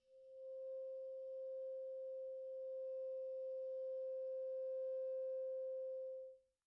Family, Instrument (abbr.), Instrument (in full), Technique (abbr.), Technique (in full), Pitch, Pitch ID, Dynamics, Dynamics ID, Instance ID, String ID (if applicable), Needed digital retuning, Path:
Winds, ClBb, Clarinet in Bb, ord, ordinario, C5, 72, pp, 0, 0, , FALSE, Winds/Clarinet_Bb/ordinario/ClBb-ord-C5-pp-N-N.wav